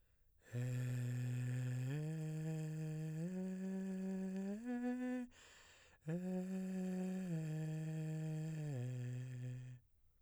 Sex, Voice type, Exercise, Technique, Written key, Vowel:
male, baritone, arpeggios, breathy, , e